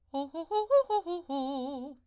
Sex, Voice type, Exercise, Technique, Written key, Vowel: female, soprano, arpeggios, fast/articulated forte, C major, o